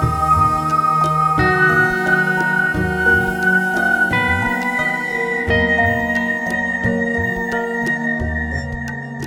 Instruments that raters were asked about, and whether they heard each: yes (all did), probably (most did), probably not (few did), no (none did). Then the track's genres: flute: probably not
New Age; Instrumental